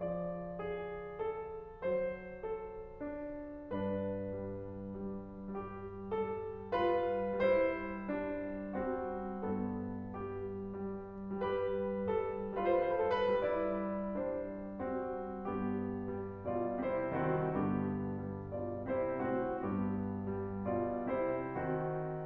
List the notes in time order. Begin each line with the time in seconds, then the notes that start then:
0.00 F3 D5
0.59 G#4
1.14 A4
1.82 F#3 C5
2.44 A4
3.02 D4
3.73 G2 D4 B4
4.34 G3
4.91 G3
5.48 G3 G4
6.08 G3 A4
6.69 G3 F4 B4
7.40 G3 E4 C5
8.15 G3 D4
8.71 G3 C4 F#4
9.45 G2 B3 A4
10.15 G3 G4
11.09 G3
11.56 G3 G4 B4
12.05 G3 A4
12.56 G3 F4 B4
12.61 C5
12.69 B4
12.77 C5
12.83 B4
12.89 C5
12.97 A4
13.14 B4
13.22 G3 E4 D5
14.14 G3 D4 C5
14.81 G3 C4 F#4
15.48 G2 B3 G4
16.07 G3
16.44 B2 F4 D5
16.81 C3 E4 C5
17.15 D#3 C4 F#4
17.51 G2 D3 B3 G4
18.30 G3
18.59 B2 F4 D5
18.88 C3 E4 C5
19.24 A2 C4 F#4
19.63 G2 B3 G4
20.21 G3
20.68 B2 F4 D5
21.12 C3 E4 C5
21.56 D#3 C4 F#4